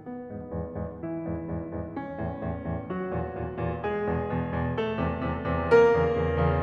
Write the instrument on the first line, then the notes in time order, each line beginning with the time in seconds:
piano
0.00 B3
0.24 E2 G#2
0.45 E2 G#2
0.75 E2 G#2
0.98 E3 E4
1.25 E2 G#2
1.52 E2 G#2
1.75 E2 G#2
1.97 C#4
2.25 E2 A2
2.47 E2 A2
2.71 E2 A2
2.91 F#3 F#4
3.12 E2 A#2
3.37 E2 A#2
3.68 E2 A#2
3.89 G#3 G#4
4.12 E2 B2
4.34 E2 B2
4.59 E2 B2
4.79 A3 A4
4.99 E2 C3
5.25 E2 C3
5.49 E2 C3
5.69 A#3 A#4
5.94 E2 C#3
6.18 E2 C#3
6.41 E2 C#3